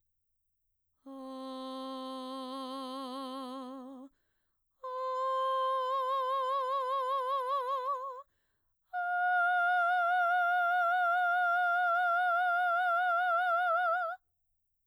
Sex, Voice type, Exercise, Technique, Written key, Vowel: female, mezzo-soprano, long tones, full voice pianissimo, , a